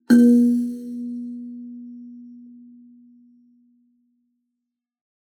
<region> pitch_keycenter=58 lokey=57 hikey=59 tune=-54 volume=-1.640063 offset=4666 ampeg_attack=0.004000 ampeg_release=15.000000 sample=Idiophones/Plucked Idiophones/Kalimba, Tanzania/MBira3_pluck_Main_A#2_k8_50_100_rr2.wav